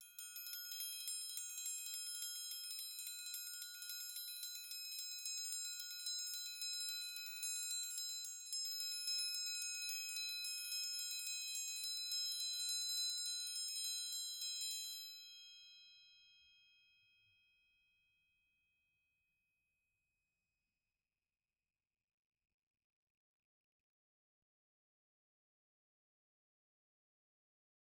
<region> pitch_keycenter=63 lokey=63 hikey=63 volume=20.000000 offset=207 ampeg_attack=0.004000 ampeg_release=2 sample=Idiophones/Struck Idiophones/Triangles/Triangle1_Roll_rr1_Mid.wav